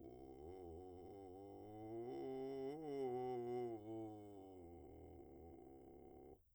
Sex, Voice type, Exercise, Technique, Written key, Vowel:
male, , scales, vocal fry, , u